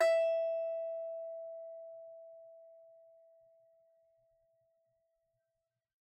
<region> pitch_keycenter=76 lokey=76 hikey=77 volume=-3.330450 offset=16 lovel=66 hivel=99 ampeg_attack=0.004000 ampeg_release=15.000000 sample=Chordophones/Composite Chordophones/Strumstick/Finger/Strumstick_Finger_Str3_Main_E4_vl2_rr1.wav